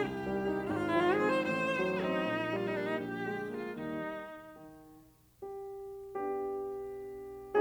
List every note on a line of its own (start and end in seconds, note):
0.00 0.68 C2
0.00 0.68 G4
0.24 0.44 D#3
0.24 0.44 G3
0.44 0.68 D#4
0.70 1.43 G#1
0.70 1.43 G#2
0.70 0.74 F4
0.74 0.80 G4
0.80 0.87 F4
0.87 0.96 E4
0.93 1.17 D#3
0.93 1.17 F3
0.93 1.06 F4
1.06 1.23 G#4
1.18 1.43 C4
1.24 1.43 C5
1.43 2.19 A1
1.43 2.19 A2
1.43 1.81 C5
1.70 1.95 D#3
1.70 1.95 F#3
1.83 2.57 D#4
1.95 2.19 C4
2.21 2.95 A#1
2.21 2.95 A#2
2.45 2.69 D#3
2.45 2.69 G3
2.57 2.67 F4
2.67 2.95 A#3
2.67 2.76 D#4
2.76 2.87 D4
2.87 2.96 D#4
2.96 3.72 A#1
2.96 3.54 G4
3.23 3.47 D3
3.23 3.47 G#3
3.48 3.72 A#3
3.54 3.72 F4
3.73 4.53 D#2
3.73 4.53 D#3
3.73 4.53 G3
3.73 4.53 D#4
4.54 5.42 D#3
5.43 6.21 G4
6.21 7.60 B3
6.21 7.60 D4
6.21 7.60 G4